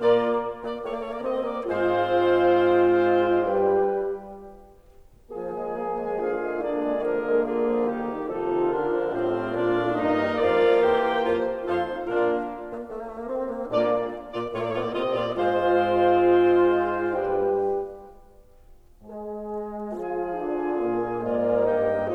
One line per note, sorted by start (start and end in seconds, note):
0.00 0.44 A#2
0.00 0.44 A#3
0.00 0.44 F4
0.00 0.44 A#4
0.00 0.44 D5
0.63 0.80 A#3
0.63 0.80 D5
0.80 0.89 A3
0.80 0.89 C#5
0.89 1.01 A#3
0.89 1.01 D5
1.01 1.13 A3
1.01 1.13 C#5
1.13 1.25 A#3
1.13 1.25 D5
1.25 1.45 C4
1.25 1.45 D#5
1.45 1.68 A#3
1.45 1.68 D5
1.68 3.59 G#2
1.68 3.59 G#3
1.68 3.59 C4
1.68 3.59 F4
1.68 3.59 C5
1.68 3.59 F5
3.59 4.09 G2
3.59 4.09 G3
3.59 4.09 D4
3.59 4.09 G4
3.59 4.09 B4
3.59 4.09 G5
5.29 5.51 F3
5.29 6.16 A#3
5.29 6.16 G#4
5.29 6.16 G#5
5.51 5.75 G#3
5.75 5.96 A#3
5.96 6.16 G#3
6.16 6.34 D3
6.16 6.34 F3
6.16 6.61 F4
6.16 6.61 F5
6.34 6.61 G#3
6.61 6.79 A#3
6.61 6.98 D4
6.61 6.98 D5
6.79 6.98 G#3
6.98 7.22 D3
6.98 7.22 F3
6.98 8.27 A#3
6.98 7.44 G#4
6.98 7.44 A#4
7.22 7.44 G#3
7.44 7.62 D3
7.44 7.62 A#3
7.44 7.84 F4
7.44 7.84 G#4
7.62 7.84 F3
7.84 8.05 D#3
7.84 8.05 G3
7.84 8.27 D#4
7.84 8.27 G4
8.05 8.27 D#3
8.27 8.46 C3
8.27 8.46 F3
8.27 8.67 D#4
8.27 9.10 F4
8.27 8.67 A4
8.46 8.67 D#3
8.67 8.87 D3
8.67 9.10 D4
8.67 9.10 A#4
8.87 9.10 F3
9.10 9.30 A2
9.10 9.30 G3
9.10 9.56 C4
9.10 9.98 F4
9.10 9.56 C5
9.10 9.98 F5
9.30 9.56 A3
9.56 9.73 A#2
9.56 9.73 A#3
9.56 9.98 D4
9.56 9.98 D5
9.73 9.98 A3
9.98 10.15 G2
9.98 10.15 A#3
9.98 10.34 A#3
9.98 10.34 D#4
9.98 10.34 A#4
9.98 10.34 D#5
10.15 10.34 G3
10.34 10.82 F2
10.34 10.82 F3
10.34 11.73 A#3
10.34 10.82 F4
10.34 11.73 A#4
10.34 10.82 D5
10.34 10.82 F5
10.82 11.26 E2
10.82 11.26 E3
10.82 11.26 G4
10.82 11.73 C5
10.82 11.26 G5
11.26 11.73 F2
11.26 11.73 F3
11.26 11.73 F4
11.26 11.73 C5
11.73 12.04 F2
11.73 12.04 F3
11.73 12.04 D#4
11.73 12.04 F4
11.73 12.04 A4
11.73 12.04 C5
11.73 12.04 F5
12.04 12.45 A#2
12.04 12.45 A#3
12.04 12.45 D4
12.04 12.45 F4
12.04 12.45 A#4
12.04 12.45 D5
12.64 12.86 A#3
12.86 12.95 A3
12.95 13.03 A#3
13.03 13.13 A3
13.13 13.25 A#3
13.25 13.46 C4
13.46 13.70 A#3
13.70 14.11 A#2
13.70 14.11 A#3
13.70 14.11 F4
13.70 14.11 D5
14.30 14.51 A#2
14.30 14.51 A#3
14.30 14.51 F4
14.30 14.51 D5
14.51 14.62 A2
14.51 14.62 A3
14.51 14.73 F4
14.51 14.62 C#5
14.62 14.73 A#2
14.62 14.73 A#3
14.62 14.73 D5
14.73 14.83 A2
14.73 14.83 A3
14.73 14.95 F4
14.73 14.83 C#5
14.83 14.95 A#2
14.83 14.95 A#3
14.83 14.95 D5
14.95 15.21 C3
14.95 15.21 C4
14.95 15.21 F4
14.95 15.21 D#5
15.21 15.39 A#2
15.21 15.39 A#3
15.21 15.39 F4
15.21 15.39 D5
15.39 17.29 G#2
15.39 17.29 G#3
15.39 17.29 F4
15.39 15.81 C5
15.39 17.29 C5
15.39 17.29 F5
15.81 17.29 C4
17.29 17.82 G2
17.29 17.82 G3
17.29 17.82 D4
17.29 17.82 G4
17.29 17.82 B4
17.29 17.82 G5
19.04 19.91 G#3
19.04 19.91 G#4
19.91 20.49 F3
19.91 20.49 F4
19.91 21.28 G#4
19.91 21.28 G#5
20.49 20.89 D3
20.49 20.89 D4
20.89 21.28 A#2
20.89 21.28 A#3
20.89 21.28 F4
21.28 21.70 G#2
21.28 21.70 G#3
21.28 22.14 A#3
21.28 21.70 F4
21.28 21.70 A#4
21.28 21.70 D5
21.28 21.70 F5
21.70 22.14 G2
21.70 22.14 G3
21.70 22.14 D#4
21.70 22.14 D#5
21.70 22.14 G5